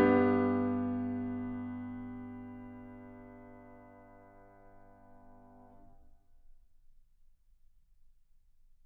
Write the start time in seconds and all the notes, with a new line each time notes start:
0.00 G2 G4
0.09 D4